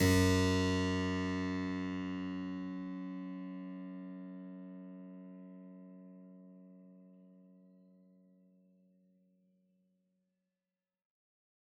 <region> pitch_keycenter=42 lokey=42 hikey=43 volume=1.321421 trigger=attack ampeg_attack=0.004000 ampeg_release=0.400000 amp_veltrack=0 sample=Chordophones/Zithers/Harpsichord, Flemish/Sustains/Low/Harpsi_Low_Far_F#1_rr1.wav